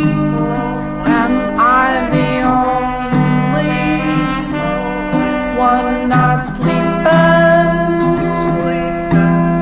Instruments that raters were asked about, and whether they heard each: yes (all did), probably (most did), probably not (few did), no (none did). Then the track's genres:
saxophone: probably
Pop; Folk; Lo-Fi